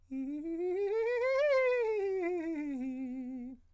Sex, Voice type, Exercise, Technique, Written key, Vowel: male, countertenor, scales, fast/articulated piano, C major, i